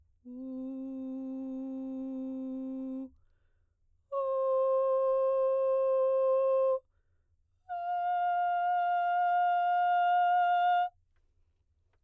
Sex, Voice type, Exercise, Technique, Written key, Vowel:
female, soprano, long tones, straight tone, , u